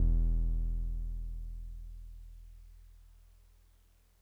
<region> pitch_keycenter=28 lokey=27 hikey=30 volume=12.111476 lovel=66 hivel=99 ampeg_attack=0.004000 ampeg_release=0.100000 sample=Electrophones/TX81Z/Piano 1/Piano 1_E0_vl2.wav